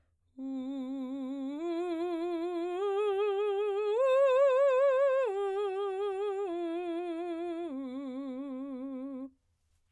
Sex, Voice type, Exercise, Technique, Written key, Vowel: female, soprano, arpeggios, slow/legato piano, C major, u